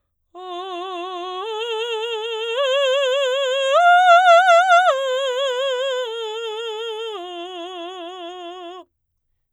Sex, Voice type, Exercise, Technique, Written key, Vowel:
female, soprano, arpeggios, slow/legato forte, F major, o